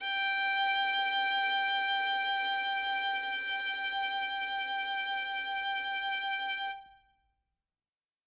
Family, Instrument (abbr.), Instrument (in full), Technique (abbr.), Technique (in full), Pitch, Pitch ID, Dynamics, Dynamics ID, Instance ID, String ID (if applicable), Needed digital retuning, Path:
Strings, Vn, Violin, ord, ordinario, G5, 79, ff, 4, 0, 1, TRUE, Strings/Violin/ordinario/Vn-ord-G5-ff-1c-T11d.wav